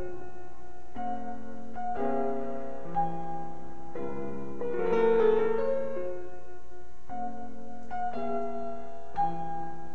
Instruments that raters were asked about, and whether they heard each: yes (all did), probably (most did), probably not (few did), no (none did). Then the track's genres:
piano: yes
Classical